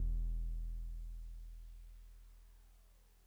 <region> pitch_keycenter=28 lokey=27 hikey=30 volume=21.416143 lovel=0 hivel=65 ampeg_attack=0.004000 ampeg_release=0.100000 sample=Electrophones/TX81Z/Piano 1/Piano 1_E0_vl1.wav